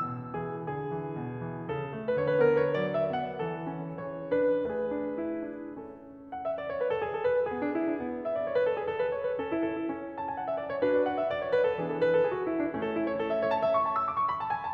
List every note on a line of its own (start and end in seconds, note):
0.00 0.39 B2
0.00 0.39 E6
0.39 0.70 E3
0.39 0.51 G#4
0.71 0.96 D3
0.71 1.66 G#4
0.96 1.18 E3
1.18 1.44 B2
1.45 1.66 E3
1.66 1.92 C#3
1.66 2.14 A4
1.92 2.14 A3
2.15 2.40 D3
2.15 2.25 B4
2.25 2.33 C#5
2.30 2.45 A#4
2.30 2.40 B4
2.40 2.74 B3
2.40 2.54 B4
2.55 2.74 C#5
2.74 3.03 F#3
2.74 2.95 D5
2.95 3.15 E5
3.05 3.38 B3
3.16 3.38 F#5
3.39 3.65 E3
3.39 3.94 A4
3.65 3.94 C#4
3.95 4.27 E3
3.95 4.66 G#4
3.95 4.27 C#5
4.28 4.66 D4
4.28 4.66 B4
4.66 6.55 A3
4.66 5.99 G#4
4.66 5.99 B4
4.93 5.20 D4
5.21 5.53 E4
5.53 5.99 D4
6.00 6.55 C#4
6.00 6.29 A4
6.30 6.42 F#5
6.43 6.55 E5
6.55 6.68 D5
6.69 6.80 C#5
6.80 6.91 B4
6.91 7.05 A4
7.06 7.14 G#4
7.15 7.27 A4
7.27 7.37 B4
7.38 7.51 A4
7.52 7.63 B3
7.52 8.03 G#4
7.63 7.77 D4
7.78 7.89 E4
7.91 8.03 D4
8.03 8.45 B3
8.28 8.36 E5
8.36 8.45 D5
8.45 8.57 C#5
8.57 8.66 B4
8.66 8.78 A4
8.79 8.90 G#4
8.90 9.03 A4
9.03 9.16 B4
9.17 9.29 C#5
9.29 9.39 B4
9.39 9.51 C#4
9.39 9.93 A4
9.52 9.66 E4
9.66 9.81 A4
9.81 9.93 E4
9.94 10.39 C#4
10.16 10.26 A5
10.27 10.39 G#5
10.39 10.50 F#5
10.50 10.58 E5
10.59 10.69 D5
10.69 10.80 C#5
10.80 11.32 D4
10.80 11.32 F#4
10.80 10.91 B4
10.92 11.06 D5
11.06 11.22 F#5
11.22 11.32 E5
11.33 11.44 D5
11.44 11.55 C#5
11.55 11.66 B4
11.67 11.77 A4
11.77 12.20 E3
11.77 12.20 B3
11.77 12.20 D4
11.77 11.87 G#4
11.87 11.95 A4
11.96 12.09 B4
12.09 12.20 A4
12.20 12.29 G#4
12.31 12.42 F#4
12.42 12.53 E4
12.53 12.67 D4
12.68 13.20 A3
12.68 12.81 C#4
12.81 12.96 A4
12.96 13.06 E4
13.07 13.20 C#5
13.20 13.34 A4
13.34 13.46 E5
13.47 13.58 C#5
13.58 13.72 A5
13.72 13.85 E5
13.86 13.98 C#6
13.98 14.09 A5
14.09 14.21 E6
14.22 14.34 D6
14.34 14.45 B5
14.34 14.36 C#6
14.45 14.56 A5
14.56 14.66 G#5
14.66 14.73 A5